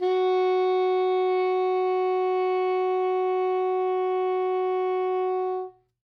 <region> pitch_keycenter=66 lokey=65 hikey=68 volume=10.992029 lovel=0 hivel=83 ampeg_attack=0.004000 ampeg_release=0.500000 sample=Aerophones/Reed Aerophones/Saxello/Non-Vibrato/Saxello_SusNV_MainSpirit_F#3_vl2_rr2.wav